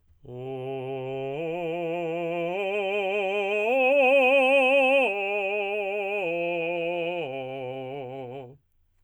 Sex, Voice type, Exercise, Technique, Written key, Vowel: male, tenor, arpeggios, vibrato, , o